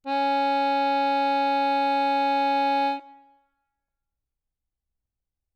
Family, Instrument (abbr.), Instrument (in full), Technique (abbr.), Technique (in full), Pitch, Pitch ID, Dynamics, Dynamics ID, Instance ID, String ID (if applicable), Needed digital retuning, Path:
Keyboards, Acc, Accordion, ord, ordinario, C#4, 61, ff, 4, 0, , FALSE, Keyboards/Accordion/ordinario/Acc-ord-C#4-ff-N-N.wav